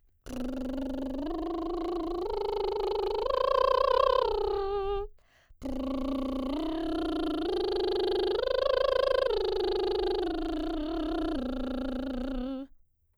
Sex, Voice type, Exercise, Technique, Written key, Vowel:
female, soprano, arpeggios, lip trill, , a